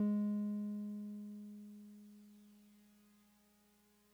<region> pitch_keycenter=56 lokey=55 hikey=58 volume=21.358402 lovel=0 hivel=65 ampeg_attack=0.004000 ampeg_release=0.100000 sample=Electrophones/TX81Z/Piano 1/Piano 1_G#2_vl1.wav